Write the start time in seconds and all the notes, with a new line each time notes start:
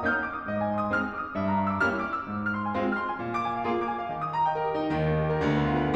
0.00 A#3 C#4 D#4 F6
0.10 D#6
0.27 D6
0.38 D#6
0.49 C3 D#5
0.59 G#5
0.73 C6
0.84 D#6
0.94 G#3 C4 D#4 F6
1.06 D#6
1.15 D6
1.23 D#6
1.34 A#2 E5
1.44 A#5
1.54 C#6
1.65 E6
1.75 G3 A#3 C#4 E4 F6
1.86 E6
1.97 D6
2.12 E6
2.23 G#2
2.36 F6
2.53 C6
2.66 G#5
2.74 G#3 C4 F4
2.84 F6
2.95 C6
3.07 G#5
3.22 A#2
3.32 D6
3.45 G#5
3.56 F5
3.66 A#3 F4 G#4
3.78 D6
3.90 G#5
3.99 F5
4.09 D#3
4.21 D#6
4.30 A#5
4.40 G5
4.49 D#5
4.57 A#4
4.67 G4
4.77 D#4
4.92 D#2 D#3
5.06 A#3
5.20 G4
5.36 A#4
5.47 D2 D3
5.60 B3
5.71 F4
5.84 B4